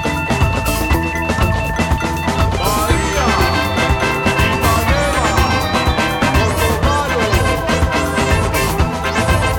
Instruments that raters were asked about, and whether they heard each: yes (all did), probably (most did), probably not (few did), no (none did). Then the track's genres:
accordion: no
organ: probably not
International; Rock; Brazilian